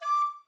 <region> pitch_keycenter=86 lokey=86 hikey=87 tune=-1 volume=14.012229 offset=404 ampeg_attack=0.004000 ampeg_release=10.000000 sample=Aerophones/Edge-blown Aerophones/Baroque Alto Recorder/Staccato/AltRecorder_Stac_D5_rr1_Main.wav